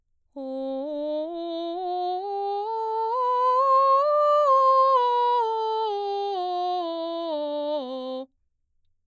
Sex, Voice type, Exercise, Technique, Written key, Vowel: female, mezzo-soprano, scales, straight tone, , o